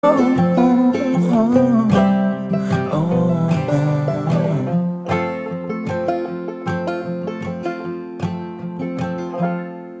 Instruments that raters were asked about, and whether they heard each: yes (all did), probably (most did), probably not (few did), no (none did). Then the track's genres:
banjo: probably
mandolin: probably
Pop; Rock